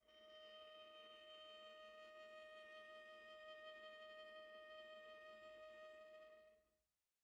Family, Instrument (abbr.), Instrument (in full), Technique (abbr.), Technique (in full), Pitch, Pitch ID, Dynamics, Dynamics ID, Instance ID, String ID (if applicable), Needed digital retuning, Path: Strings, Va, Viola, ord, ordinario, D#5, 75, pp, 0, 2, 3, FALSE, Strings/Viola/ordinario/Va-ord-D#5-pp-3c-N.wav